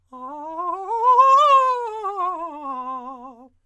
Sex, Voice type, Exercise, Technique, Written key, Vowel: male, countertenor, scales, fast/articulated forte, C major, a